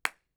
<region> pitch_keycenter=61 lokey=61 hikey=61 volume=-1.165774 offset=2099 lovel=55 hivel=83 ampeg_attack=0.004000 ampeg_release=2.000000 sample=Idiophones/Struck Idiophones/Claps/SoloClap_vl2.wav